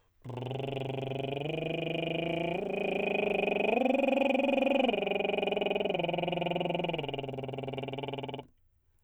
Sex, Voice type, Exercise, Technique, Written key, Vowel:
male, tenor, arpeggios, lip trill, , o